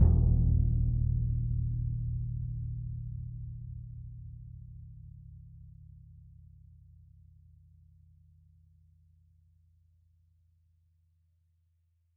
<region> pitch_keycenter=66 lokey=66 hikey=66 volume=14.419984 lovel=107 hivel=127 ampeg_attack=0.004000 ampeg_release=2.000000 sample=Membranophones/Struck Membranophones/Bass Drum 2/bassdrum_roll_ff_rel.wav